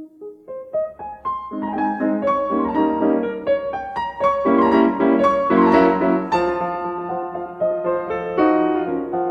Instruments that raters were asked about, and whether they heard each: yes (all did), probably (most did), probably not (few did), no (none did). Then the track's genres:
piano: yes
flute: no
clarinet: no
Classical